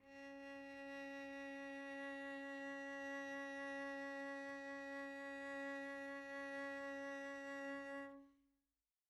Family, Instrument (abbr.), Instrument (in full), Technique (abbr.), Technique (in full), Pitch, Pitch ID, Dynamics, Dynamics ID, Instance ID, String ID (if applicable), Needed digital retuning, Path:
Strings, Vc, Cello, ord, ordinario, C#4, 61, pp, 0, 0, 1, FALSE, Strings/Violoncello/ordinario/Vc-ord-C#4-pp-1c-N.wav